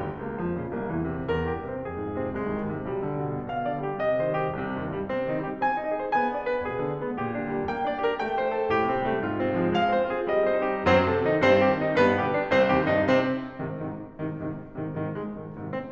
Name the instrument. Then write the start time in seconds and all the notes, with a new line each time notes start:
piano
0.00 C2
0.19 C#2 A#3
0.36 F2 F3
0.55 A#2 C#3
0.72 C2 A#3
0.84 E2 E3
1.07 A#2 C3
1.27 E2 A#4
1.46 G2 G4
1.65 C3 C4
1.85 F2 G#4
2.04 G#2 F4
2.22 C3 C4
2.39 C2 G#3
2.53 D#2 D#3
2.68 G#2 C3
2.82 B1 G3
3.01 D2 D3
3.22 G2 A#2
3.47 B2 F5
3.66 D3 D5
3.87 G3 G4
4.05 C3 D#5
4.24 D#3 C5
4.39 G3 G4
4.60 C2 C3
4.79 G2 D#3
4.91 A#2 G3
5.11 C3 C4
5.28 D#3 D#4
5.45 G3 G4
5.58 C4 G#5
5.78 D#4 D#5
5.96 G#4 C5
6.12 B3 G#5
6.32 D4 D5
6.48 G#4 B4
6.66 B2 G#4
6.83 D3 D4
7.00 G#3 B3
7.19 A#2 G4
7.36 D3 D4
7.48 G3 A#3
7.67 A#3 G5
7.86 D4 D5
8.05 G4 A#4
8.19 A3 G5
8.37 C4 C5
8.56 G4 A4
8.77 A2 G4
8.94 C3 C4
9.09 G3 A3
9.23 G#2 F4
9.39 C3 C4
9.56 F3 G#3
9.69 G#3 F5
9.87 C4 C5
10.04 F4 G#4
10.27 G3 D#5
10.47 C4 C5
10.65 D#4 G4
10.82 F#2 F#3 C4 C5
11.04 C3 A4
11.25 D#3 D#4
11.42 G2 G3 C4 C5
11.62 C3 G4
11.80 D#3 D#4
11.98 G2 G3 B3 B4
12.20 B2 G4
12.34 D3 D4
12.54 C2 C3 C4 C5
12.76 D#2 G4
12.92 G2 D#4
13.13 C3 C4
13.53 G#2 C3 D#3
13.75 G#2 C3 D#3
14.14 G#2 C3 D#3
14.37 G#2 C3 D#3
14.76 G#2 C3 D#3
14.94 G#2 C3 D#3
15.14 G#3
15.34 G#2 C3 D#3
15.56 G#2 C3 D#3
15.72 C4